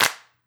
<region> pitch_keycenter=60 lokey=60 hikey=60 volume=-5.024550 seq_position=3 seq_length=6 ampeg_attack=0.004000 ampeg_release=2.000000 sample=Idiophones/Struck Idiophones/Claps/Clap_rr6.wav